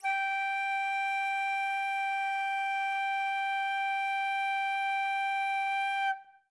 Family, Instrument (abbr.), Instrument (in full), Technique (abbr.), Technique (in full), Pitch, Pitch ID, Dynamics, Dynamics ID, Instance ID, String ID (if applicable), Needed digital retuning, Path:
Winds, Fl, Flute, ord, ordinario, G5, 79, ff, 4, 0, , TRUE, Winds/Flute/ordinario/Fl-ord-G5-ff-N-T14d.wav